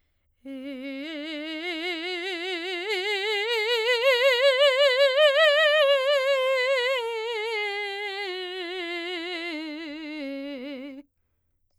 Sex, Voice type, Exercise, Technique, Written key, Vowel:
female, soprano, scales, slow/legato forte, C major, e